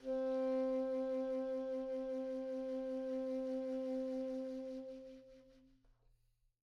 <region> pitch_keycenter=60 lokey=60 hikey=61 tune=1 volume=22.718749 ampeg_attack=0.004000 ampeg_release=0.500000 sample=Aerophones/Reed Aerophones/Tenor Saxophone/Vibrato/Tenor_Vib_Main_C3_var1.wav